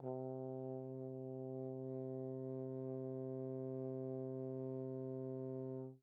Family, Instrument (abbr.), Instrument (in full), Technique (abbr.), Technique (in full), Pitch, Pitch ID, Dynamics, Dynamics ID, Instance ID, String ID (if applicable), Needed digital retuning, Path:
Brass, Tbn, Trombone, ord, ordinario, C3, 48, pp, 0, 0, , TRUE, Brass/Trombone/ordinario/Tbn-ord-C3-pp-N-T25d.wav